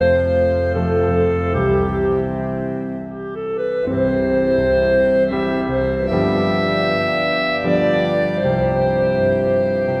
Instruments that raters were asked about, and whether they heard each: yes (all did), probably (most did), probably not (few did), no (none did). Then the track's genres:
clarinet: probably
organ: probably not
Classical